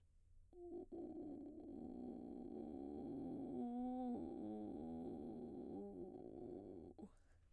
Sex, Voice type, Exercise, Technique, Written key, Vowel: female, soprano, arpeggios, vocal fry, , u